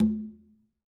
<region> pitch_keycenter=63 lokey=63 hikey=63 volume=12.103322 lovel=100 hivel=127 seq_position=2 seq_length=2 ampeg_attack=0.004000 ampeg_release=15.000000 sample=Membranophones/Struck Membranophones/Conga/Quinto_HitN_v3_rr2_Sum.wav